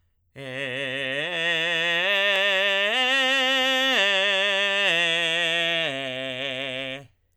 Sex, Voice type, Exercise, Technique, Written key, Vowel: male, tenor, arpeggios, belt, , e